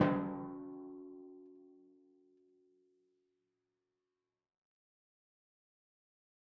<region> pitch_keycenter=54 lokey=54 hikey=55 volume=13.986144 lovel=100 hivel=127 seq_position=2 seq_length=2 ampeg_attack=0.004000 ampeg_release=30.000000 sample=Membranophones/Struck Membranophones/Timpani 1/Hit/Timpani5_Hit_v4_rr2_Sum.wav